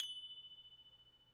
<region> pitch_keycenter=90 lokey=90 hikey=90 volume=24.247834 lovel=0 hivel=65 ampeg_attack=0.004000 ampeg_release=30.000000 sample=Idiophones/Struck Idiophones/Tubular Glockenspiel/F#1_quiet1.wav